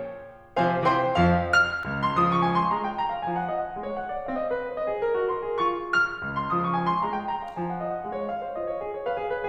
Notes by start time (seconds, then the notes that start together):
0.55 C3 F3 C5 F5 G#5
0.87 C3 E3 C5 G5 C6
1.20 F2 F3 F5
1.58 F6
1.86 C#2
2.05 C6
2.16 F3 D#6
2.30 C#6
2.42 G#5
2.53 C6
2.72 G#3 A#5
2.85 G5
3.00 A#5
3.13 F5
3.24 F3 G#5
3.36 F#5
3.46 D#5
3.57 F#5
3.70 G#3 F5
3.82 C#5
3.96 F#5
4.08 D5
4.21 C4 F5
4.32 D#5
4.51 B4
4.61 C#5
4.73 C5 D#5
4.87 G#4
5.03 A#4
5.18 F#4
5.33 A#4 C6
5.48 G#4
5.61 F4 C#6
5.87 F6
6.24 C#2
6.37 C6
6.53 F3 D#6
6.64 C#6
6.77 G#5
6.88 C6
7.03 G#3 A#5
7.16 G5
7.32 A#5
7.49 F5
7.60 F3 G#5
7.72 F#5
7.83 D#5
7.93 F#5
8.05 G#3 F5
8.15 C#5
8.27 F5
8.43 C5
8.60 F4 D#5
8.72 C#5
8.82 G#4
8.99 C#5
9.08 B4 F5
9.23 G#4
9.38 B4